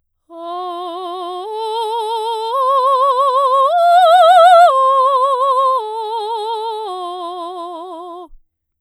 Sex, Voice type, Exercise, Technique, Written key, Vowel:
female, soprano, arpeggios, slow/legato forte, F major, o